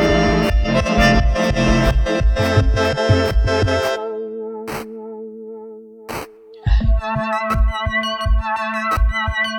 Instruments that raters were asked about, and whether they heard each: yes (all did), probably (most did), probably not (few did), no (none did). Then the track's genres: accordion: yes
Electronic; Ambient Electronic; Ambient